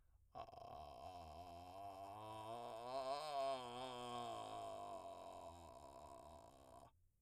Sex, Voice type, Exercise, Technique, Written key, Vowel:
male, , scales, vocal fry, , a